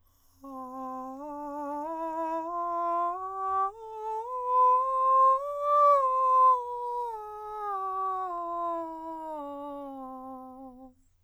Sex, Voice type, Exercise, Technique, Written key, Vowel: male, countertenor, scales, breathy, , a